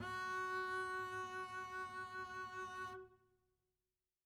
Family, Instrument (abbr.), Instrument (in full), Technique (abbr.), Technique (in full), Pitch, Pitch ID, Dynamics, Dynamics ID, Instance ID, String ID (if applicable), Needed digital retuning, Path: Strings, Cb, Contrabass, ord, ordinario, F#4, 66, mf, 2, 0, 1, FALSE, Strings/Contrabass/ordinario/Cb-ord-F#4-mf-1c-N.wav